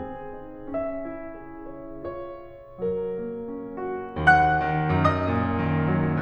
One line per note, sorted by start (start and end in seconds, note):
0.01 0.38 C4
0.01 0.73 G#4
0.39 0.73 D#4
0.74 1.09 C#4
0.74 2.16 E5
1.10 1.44 E4
1.46 1.80 G#4
1.81 2.16 C#5
2.17 2.50 E4
2.17 2.82 C#5
2.51 2.82 G#4
2.84 3.19 F#3
2.84 4.16 A#4
3.20 3.51 A#3
3.52 3.80 C#4
3.81 4.16 F#4
4.18 4.50 D#2
4.18 4.90 F#5
4.18 4.90 F#6
4.52 4.90 D#3
4.91 5.28 F#2
4.91 6.21 D#5
4.91 6.21 D#6
5.29 5.58 A#2
5.60 5.86 D#3
5.89 6.21 F#3